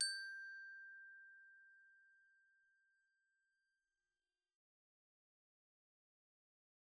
<region> pitch_keycenter=79 lokey=76 hikey=81 volume=19.879612 offset=103 xfin_lovel=0 xfin_hivel=83 xfout_lovel=84 xfout_hivel=127 ampeg_attack=0.004000 ampeg_release=15.000000 sample=Idiophones/Struck Idiophones/Glockenspiel/glock_medium_G5_01.wav